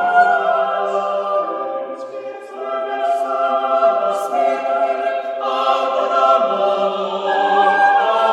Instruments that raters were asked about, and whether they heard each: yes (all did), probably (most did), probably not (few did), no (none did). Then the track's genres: mallet percussion: no
voice: probably
Choral Music